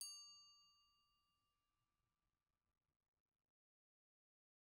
<region> pitch_keycenter=86 lokey=86 hikey=87 volume=22.500500 offset=277 ampeg_attack=0.004000 ampeg_release=15.000000 sample=Idiophones/Struck Idiophones/Bell Tree/Individual/BellTree_Hit_D5_rr1_Mid.wav